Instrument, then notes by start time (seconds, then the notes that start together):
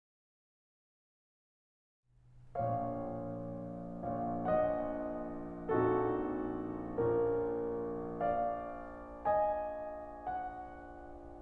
piano
4.27 A#1 A#2 C#5 F5
4.47 A#1 A#2 D#5 F#5
5.70 A#1 A#2 C4 D#4 F#4 A4
6.99 A#1 A#2 C#4 F4 A#4
8.21 D5 F5
9.25 D#5 G#5
10.27 F#5